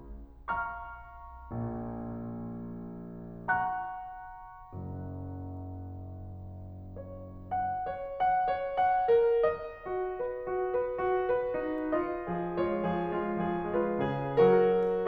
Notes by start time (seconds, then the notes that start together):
0.21 F5 A#5 C#6 F6
1.62 A#1 A#2
3.42 F#5 A#5 C#6 F#6
4.74 F#1 F#2
6.98 C#5
7.57 F#5
7.90 C#5
8.18 F#5
8.44 C#5
8.72 F#5
9.07 A#4
9.43 D#5
9.88 F#4
10.21 B4
10.48 F#4
10.74 B4
11.00 F#4
11.24 B4
11.54 D#4
11.83 F4 D#5
12.31 F3 G#4
12.60 G#3 F4 C#5
12.86 F3 G#4
13.17 G#3 F4
13.48 F3 G#4
13.75 G#3 F4 B4
14.06 C#3 G#4
14.45 F#3 F#4 A#4